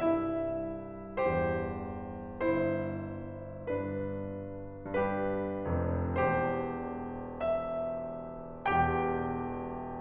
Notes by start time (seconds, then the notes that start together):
0.00 C2 G2 E4 E5
1.25 E2 G2 G4 C5
2.39 G1 E4 C5
3.67 G2 D4 B4
4.92 G2 D4 G4 B4
5.69 F1 F2
6.20 E1 E2 G4 C5
7.45 E5
8.72 E1 E2 G4 G5